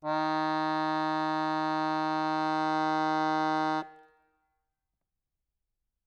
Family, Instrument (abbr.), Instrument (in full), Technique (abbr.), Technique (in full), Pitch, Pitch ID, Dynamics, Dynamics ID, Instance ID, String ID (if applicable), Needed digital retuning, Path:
Keyboards, Acc, Accordion, ord, ordinario, D#3, 51, ff, 4, 0, , FALSE, Keyboards/Accordion/ordinario/Acc-ord-D#3-ff-N-N.wav